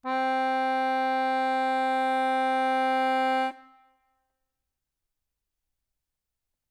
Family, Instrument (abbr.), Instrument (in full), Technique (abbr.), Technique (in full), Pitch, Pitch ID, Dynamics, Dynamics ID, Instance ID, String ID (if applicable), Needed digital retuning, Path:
Keyboards, Acc, Accordion, ord, ordinario, C4, 60, ff, 4, 1, , FALSE, Keyboards/Accordion/ordinario/Acc-ord-C4-ff-alt1-N.wav